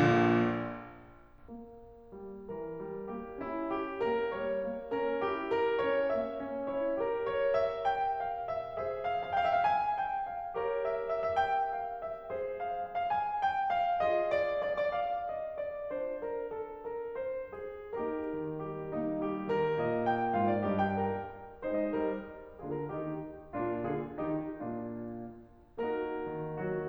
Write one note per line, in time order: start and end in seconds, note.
0.00 0.37 A#1
0.00 0.37 A#2
1.52 2.12 A#3
2.12 2.47 G3
2.47 2.77 E3
2.47 3.09 A#4
2.77 3.09 G3
3.10 3.44 A#3
3.10 3.44 G4
3.44 4.05 C#4
3.44 3.73 E4
3.74 4.05 G4
4.05 4.33 A#3
4.05 4.33 A#4
4.34 4.64 G3
4.34 4.95 C#5
4.64 4.95 A#3
4.96 5.22 C#4
4.96 5.22 A#4
5.22 5.83 E4
5.22 5.51 G4
5.51 5.83 A#4
5.83 6.12 C#4
5.83 6.12 C#5
6.12 6.42 A#3
6.12 6.66 E5
6.42 6.66 C#4
6.66 6.99 E4
6.66 6.99 C#5
6.99 8.75 G4
6.99 7.29 A#4
6.99 8.75 A#4
7.29 7.53 C#5
7.55 7.85 E5
7.85 8.14 G5
8.16 8.43 F5
8.43 8.75 E5
8.77 10.54 G#4
8.77 10.54 C5
8.77 9.03 E5
9.03 9.33 F5
9.35 9.47 F5
9.40 9.57 G5
9.47 9.64 E5
9.57 9.69 F5
9.64 10.02 G#5
10.02 10.31 G5
10.31 10.54 F5
10.54 12.33 G4
10.54 12.33 A#4
10.54 12.33 C#5
10.79 11.06 E5
11.06 11.42 E5
11.42 11.51 E5
11.51 11.76 G5
11.76 11.99 F5
12.00 12.33 E5
12.33 14.00 G#4
12.33 14.00 C5
12.61 12.85 F5
12.85 13.13 F5
13.14 13.18 F5
13.14 13.41 G#5
13.41 13.69 G5
13.70 14.00 F5
14.00 15.93 F4
14.00 15.93 G#4
14.00 14.29 D#5
14.29 14.54 D5
14.54 14.88 D5
14.88 14.93 D5
14.93 15.29 F5
15.29 15.57 D#5
15.57 15.93 D5
15.93 17.96 D4
15.93 17.96 F4
15.93 16.21 C5
16.21 16.49 A#4
16.51 16.81 A4
16.81 17.10 A#4
17.11 17.57 C5
17.57 17.96 G#4
18.04 18.85 A#3
18.04 18.85 D#4
18.04 18.61 G4
18.04 18.61 A#4
18.37 18.61 D#3
18.62 18.85 G3
18.62 18.85 G4
18.85 21.07 A#3
18.85 19.19 D#4
19.19 19.47 G3
19.19 20.34 G4
19.47 19.80 D#3
19.47 20.63 A#4
19.80 20.63 A#2
19.80 20.04 D#5
20.04 20.34 G5
20.34 20.63 G#2
20.34 20.63 F4
20.34 20.49 F5
20.50 20.63 D5
20.63 21.07 G2
20.63 21.07 G4
20.63 20.83 D#5
20.83 21.07 G5
21.07 21.35 A#4
21.64 21.93 G#3
21.64 22.18 D#4
21.64 21.79 C5
21.79 21.93 D#5
21.94 22.18 G3
21.94 22.18 A#4
22.59 22.91 D3
22.59 23.22 A#3
22.59 22.91 F4
22.59 22.74 G#4
22.74 22.91 A#4
22.91 23.22 D#3
22.91 23.22 D#4
22.91 23.22 G4
23.53 23.88 A#2
23.53 24.16 A#3
23.53 23.88 D4
23.53 23.88 F4
23.88 24.16 D3
23.88 24.16 F4
23.88 24.16 G#4
24.16 24.62 D#3
24.16 24.62 A#3
24.16 24.62 D#4
24.16 24.62 G4
24.62 25.00 A#2
24.62 25.00 A#3
24.62 25.00 D4
24.62 25.00 F4
25.87 26.89 A#3
25.87 26.89 D#4
25.87 26.59 F#4
25.87 26.59 A#4
26.26 26.59 D#3
26.60 26.89 F#3
26.60 26.89 F#4